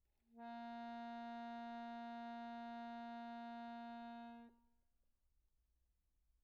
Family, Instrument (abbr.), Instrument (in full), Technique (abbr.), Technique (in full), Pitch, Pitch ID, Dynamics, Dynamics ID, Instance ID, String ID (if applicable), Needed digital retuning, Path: Keyboards, Acc, Accordion, ord, ordinario, A#3, 58, pp, 0, 2, , FALSE, Keyboards/Accordion/ordinario/Acc-ord-A#3-pp-alt2-N.wav